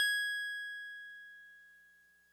<region> pitch_keycenter=104 lokey=103 hikey=106 volume=15.121671 lovel=0 hivel=65 ampeg_attack=0.004000 ampeg_release=0.100000 sample=Electrophones/TX81Z/FM Piano/FMPiano_G#6_vl1.wav